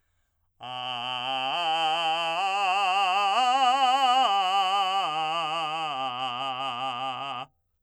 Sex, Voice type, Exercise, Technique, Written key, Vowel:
male, , arpeggios, belt, , a